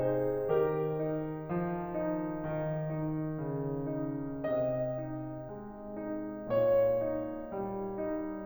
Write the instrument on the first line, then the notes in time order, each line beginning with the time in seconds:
piano
0.00 D#4 G#4 C5
0.64 D#3 G4 A#4
1.11 D#4
1.54 F3
1.97 D#4
2.32 D#3
2.69 D#4
3.46 C#3
3.91 D#4
4.50 C3 D#5
5.03 D#4
5.47 G#3
5.86 D#4
6.49 A#2 C#5
7.07 D#4
7.42 G3
7.98 D#4